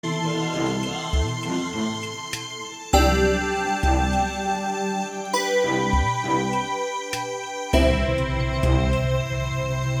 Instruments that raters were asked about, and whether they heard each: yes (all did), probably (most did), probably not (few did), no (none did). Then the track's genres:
accordion: no
New Age; Instrumental